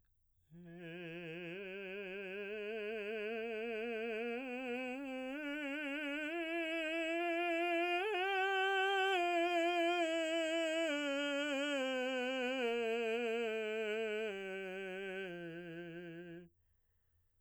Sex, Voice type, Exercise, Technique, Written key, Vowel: male, baritone, scales, slow/legato piano, F major, e